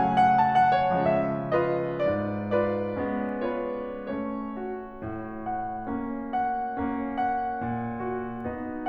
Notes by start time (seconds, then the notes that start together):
0.00 C#3 F#3 A3 C#4 G#5
0.20 F#5
0.42 A5
0.56 F#5
0.73 C#5
0.89 C#3 F3 G#3 B3 C#4 E5
1.50 F4 B4 D#5
2.05 G#2 D5
2.57 F4 B4 D5
3.02 G#3 B3 C#4
3.47 F4 B4 C#5
4.08 A3 C#4
4.61 F#4
5.03 A2
5.46 F#5
5.90 A#3 C#4
6.35 F#5
6.78 A#3 C#4
7.21 F#4
7.62 A#2
8.08 F#5
8.45 B3 D#4